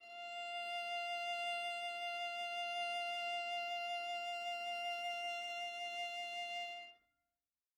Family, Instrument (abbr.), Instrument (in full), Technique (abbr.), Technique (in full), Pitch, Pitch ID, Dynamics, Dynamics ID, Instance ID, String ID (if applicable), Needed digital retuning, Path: Strings, Va, Viola, ord, ordinario, F5, 77, mf, 2, 0, 1, FALSE, Strings/Viola/ordinario/Va-ord-F5-mf-1c-N.wav